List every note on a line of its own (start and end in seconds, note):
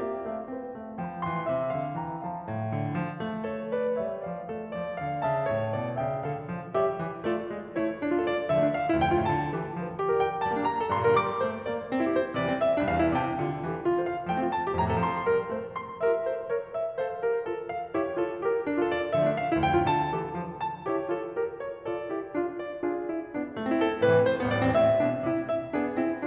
0.00 0.26 A#3
0.00 0.26 G4
0.00 0.26 E5
0.26 0.46 A3
0.26 0.46 A4
0.26 0.46 F5
0.48 0.71 C4
0.48 0.71 C5
0.72 0.93 A3
0.72 0.93 F5
0.93 1.16 F3
0.93 1.16 A5
1.16 1.47 E3
1.16 1.47 G5
1.16 1.97 C6
1.47 1.72 C3
1.47 1.72 E5
1.73 1.97 D3
1.73 1.97 F5
1.97 2.25 E3
1.97 2.25 G5
1.97 2.25 A#5
2.25 2.45 F3
2.25 2.75 F5
2.25 2.75 A5
2.45 2.75 A2
2.76 3.00 D3
3.01 3.25 F3
3.25 4.01 A3
3.52 3.78 A4
3.52 3.78 C#5
3.78 4.01 B4
3.78 4.01 D5
4.06 4.27 G3
4.06 4.27 C#5
4.06 4.27 E5
4.27 4.48 F3
4.27 4.48 D5
4.27 4.48 F5
4.48 4.73 A3
4.48 4.73 A4
4.73 4.91 F3
4.73 4.91 D5
4.92 5.18 D3
4.92 5.18 F5
5.19 5.45 C#3
5.19 5.45 E5
5.19 5.98 A5
5.45 5.78 A2
5.45 5.78 C#5
5.78 5.98 B2
5.78 5.98 D5
5.98 6.21 C#3
5.98 6.21 E5
5.98 6.21 G5
6.22 6.50 D3
6.22 6.50 A4
6.22 6.50 F5
6.50 6.72 F3
6.72 6.97 G3
6.72 6.97 G4
6.72 6.97 A#4
6.72 6.97 E5
6.97 7.22 E3
7.23 7.50 A3
7.23 7.50 F4
7.23 7.50 A4
7.23 7.50 D5
7.51 7.74 G#3
7.74 7.99 A3
7.74 7.99 E4
7.74 7.99 A4
7.74 7.99 C#5
7.99 8.13 D4
8.07 8.20 F4
8.14 8.20 A4
8.21 8.52 D5
8.53 8.68 D3
8.53 8.79 E5
8.59 8.79 F3
8.68 8.85 A3
8.79 8.99 D4
8.79 8.99 F5
8.92 9.06 E4
8.99 9.13 D2
8.99 9.24 G5
9.06 9.24 F2
9.14 9.24 A2
9.14 9.38 F4
9.24 9.51 D3
9.24 9.51 A5
9.52 9.75 E3
9.52 9.75 G4
9.75 10.07 F3
10.00 10.07 A4
10.12 10.26 A#4
10.19 10.26 D5
10.26 10.47 G5
10.48 10.58 G3
10.48 10.63 A5
10.53 10.63 A#3
10.58 10.72 D4
10.65 10.89 G4
10.65 10.89 A#5
10.79 10.96 A4
10.89 11.03 G2
10.89 11.12 C6
10.97 11.12 A#2
11.04 11.12 D3
11.04 11.19 A#4
11.12 11.40 G3
11.12 11.64 D6
11.40 11.64 A3
11.40 11.64 C5
11.67 11.89 A#3
11.67 11.89 D5
11.89 12.06 C4
11.99 12.11 E4
12.06 12.11 G4
12.11 12.33 C5
12.33 12.49 C3
12.33 12.57 D5
12.42 12.57 E3
12.49 12.67 G3
12.59 12.81 C4
12.59 12.81 E5
12.74 12.88 D4
12.81 13.01 C2
12.81 13.13 F5
12.89 13.13 E2
13.01 13.13 G2
13.01 13.20 E4
13.13 13.39 C3
13.13 13.58 G5
13.39 13.58 D3
13.39 13.58 F4
13.60 13.79 E3
13.60 13.79 G4
13.80 13.93 F4
13.86 14.00 A4
13.93 14.00 C5
14.00 14.23 F5
14.23 14.41 F3
14.23 14.48 G5
14.32 14.48 A3
14.42 14.58 C4
14.48 14.70 F4
14.48 14.70 A5
14.65 14.77 G4
14.71 14.91 F2
14.71 15.00 A#5
14.77 15.00 A2
14.91 15.00 C3
14.91 15.12 A4
15.00 15.24 F3
15.00 15.50 C6
15.24 15.50 G3
15.24 15.50 A#4
15.50 15.74 A3
15.50 15.74 C5
15.75 15.98 C6
15.99 16.23 G4
15.99 16.23 A#4
15.99 16.51 E5
16.23 16.51 A4
16.23 16.51 C5
16.51 16.74 A#4
16.51 16.74 C#5
16.74 16.94 E5
16.95 17.18 A4
16.95 17.18 C5
16.95 17.44 F5
17.18 17.44 G4
17.18 17.44 A#4
17.44 17.65 F4
17.44 17.65 A4
17.65 17.97 F5
17.98 18.15 E4
17.98 18.15 G4
17.98 18.37 C#5
18.16 18.37 F4
18.16 18.37 A4
18.37 18.68 G4
18.37 18.68 A#4
18.68 18.82 D4
18.76 18.89 F4
18.83 18.89 A4
18.90 19.16 D5
19.16 19.28 D3
19.16 19.35 E5
19.21 19.35 F3
19.28 19.42 A3
19.35 19.60 D4
19.35 19.60 F5
19.50 19.68 E4
19.60 19.75 D2
19.60 19.82 G5
19.68 19.82 F2
19.76 19.82 A2
19.76 19.98 F4
19.82 20.12 D3
19.82 20.35 A5
20.13 20.35 E3
20.13 20.35 G4
20.35 20.62 F3
20.35 20.62 A4
20.62 20.87 A5
20.87 21.06 E4
20.87 21.06 G4
20.87 21.27 C#5
21.08 21.27 F4
21.08 21.27 A4
21.28 21.59 G4
21.28 21.59 A#4
21.59 21.82 C#5
21.82 22.08 F4
21.82 22.08 A4
21.82 22.35 D5
22.08 22.35 E4
22.08 22.35 G4
22.38 22.65 D4
22.38 22.65 F4
22.65 22.88 D5
22.88 23.09 D4
22.88 23.09 F4
22.88 23.32 G#4
23.09 23.32 C4
23.09 23.32 E4
23.34 23.51 B3
23.34 23.51 D4
23.52 23.66 A3
23.59 23.73 C4
23.66 23.73 E4
23.73 23.99 A4
23.99 24.14 A2
23.99 24.22 B4
24.04 24.22 C3
24.15 24.31 E3
24.22 24.44 A3
24.22 24.44 C5
24.38 24.54 B3
24.45 24.61 A1
24.45 24.72 D5
24.54 24.72 C2
24.61 24.72 E2
24.61 24.79 C4
24.72 24.98 A2
24.72 25.23 E5
24.98 25.23 B2
24.98 25.23 D4
25.23 25.47 C3
25.23 25.47 E4
25.48 25.73 E5
25.74 25.97 B3
25.74 25.97 D4
25.74 26.26 G#4
25.97 26.26 C4
25.97 26.26 E4